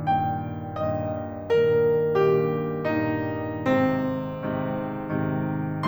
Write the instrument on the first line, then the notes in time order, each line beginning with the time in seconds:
piano
0.01 G2 A#2 D#3 G5
0.75 G2 A#2 D#3 D#5
1.45 G2 A#2 D#3 A#4
2.28 G2 A#2 D#3 G4
2.84 G2 A#2 D#3 D#4
3.57 G#2 C3 D#3 C4
4.30 G#2 C3 D#3
5.17 G#2 C3 D#3